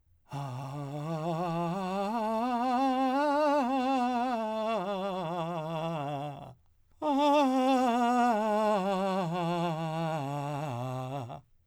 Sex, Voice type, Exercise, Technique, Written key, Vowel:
male, , scales, breathy, , a